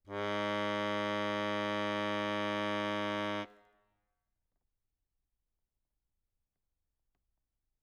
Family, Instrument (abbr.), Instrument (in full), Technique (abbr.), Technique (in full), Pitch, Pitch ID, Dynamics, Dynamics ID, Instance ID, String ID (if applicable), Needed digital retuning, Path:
Keyboards, Acc, Accordion, ord, ordinario, G#2, 44, ff, 4, 1, , FALSE, Keyboards/Accordion/ordinario/Acc-ord-G#2-ff-alt1-N.wav